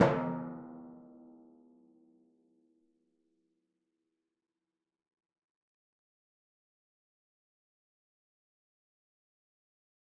<region> pitch_keycenter=52 lokey=51 hikey=53 tune=-39 volume=11.021286 lovel=100 hivel=127 seq_position=2 seq_length=2 ampeg_attack=0.004000 ampeg_release=30.000000 sample=Membranophones/Struck Membranophones/Timpani 1/Hit/Timpani4_Hit_v4_rr2_Sum.wav